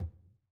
<region> pitch_keycenter=64 lokey=64 hikey=64 volume=21.896106 lovel=0 hivel=65 seq_position=2 seq_length=2 ampeg_attack=0.004000 ampeg_release=15.000000 sample=Membranophones/Struck Membranophones/Conga/Tumba_HitFM_v2_rr2_Sum.wav